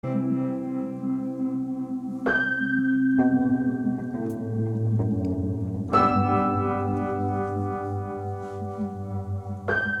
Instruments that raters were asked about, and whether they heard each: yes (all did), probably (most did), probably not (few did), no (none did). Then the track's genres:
mallet percussion: no
trumpet: no
organ: no
trombone: no
Post-Rock; Experimental; Ambient